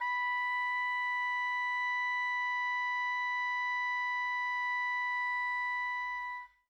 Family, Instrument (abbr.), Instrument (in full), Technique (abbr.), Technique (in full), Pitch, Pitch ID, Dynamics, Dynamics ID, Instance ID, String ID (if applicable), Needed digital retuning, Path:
Winds, Ob, Oboe, ord, ordinario, B5, 83, mf, 2, 0, , TRUE, Winds/Oboe/ordinario/Ob-ord-B5-mf-N-T12u.wav